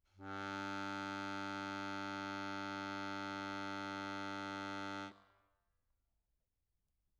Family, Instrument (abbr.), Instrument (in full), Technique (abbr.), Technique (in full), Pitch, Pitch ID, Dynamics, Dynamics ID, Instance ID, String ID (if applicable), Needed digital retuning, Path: Keyboards, Acc, Accordion, ord, ordinario, G2, 43, mf, 2, 0, , FALSE, Keyboards/Accordion/ordinario/Acc-ord-G2-mf-N-N.wav